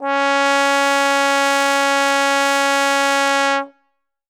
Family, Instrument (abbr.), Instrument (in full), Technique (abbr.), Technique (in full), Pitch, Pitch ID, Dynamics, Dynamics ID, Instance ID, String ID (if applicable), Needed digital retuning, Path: Brass, Tbn, Trombone, ord, ordinario, C#4, 61, ff, 4, 0, , FALSE, Brass/Trombone/ordinario/Tbn-ord-C#4-ff-N-N.wav